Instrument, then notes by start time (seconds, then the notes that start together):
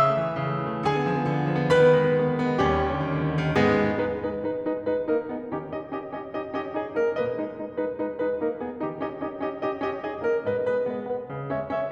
piano
0.00 C#3 E5 E6
0.09 A3
0.19 E3
0.29 A3
0.37 C#3
0.51 A3
0.62 E3
0.75 A3
0.87 D3 G#4 G#5
0.96 B3
1.06 F3
1.18 B3
1.28 D3
1.38 B3
1.50 F3
1.60 B3
1.73 D#3 B4 B5
1.83 B3
1.96 G#3
2.07 B3
2.16 D#3
2.28 B3
2.39 G#3
2.51 B3
2.62 D#2 G3 C#4 G4
2.77 D#3
2.88 D3
3.02 D#3
3.13 D3
3.24 D#3
3.36 D3
3.49 D#3
3.61 G#2 G#3 B3 G#4
3.96 G#3 D#4 B4
4.20 G#3 D#4 B4
4.42 G#3 D#4 B4
4.68 G#3 D#4 B4
4.89 G#3 D#4 B4
5.09 A#3 D#4 A#4
5.28 B3 D#4 G#4
5.54 D#3 C#4 D#4 G4
5.85 C#4 D#4 G4 D#5
6.07 C#4 D#4 G4 D#5
6.27 C#4 D#4 G4 D#5
6.44 C#4 D#4 G4 D#5
6.62 C#4 D#4 G4 D#5
6.80 B3 C#4 D#4 G#4 D#5
7.02 A#3 D#4 A#4 D#5
7.22 G#2 G#3 B4 D#5
7.47 G#3 D#4 B4
7.69 G#3 D#4 B4
7.85 G#3 D#4 B4
8.02 G#3 D#4 B4
8.21 G#3 D#4 B4
8.39 A#3 D#4 A#4
8.59 B3 D#4 G#4
8.80 D#3 C#4 D#4 G4
8.99 C#4 D#4 G4 D#5
9.23 C#4 D#4 G4 D#5
9.43 C#4 D#4 G4 D#5
9.59 C#4 D#4 G4 D#5
9.80 C#4 D#4 G4 D#5
10.02 B3 C#4 D#4 G#4 D#5
10.21 A#3 D#4 A#4 D#5
10.45 G#2 B4 D#5
10.67 G#3 B3 B4 D#5
10.88 G#3 B3 B4 D#5
11.08 B3 D#4 G#4 B4
11.27 C#3
11.49 G#3 C#4 C#5 E5
11.70 G#3 C#4 C#5 E5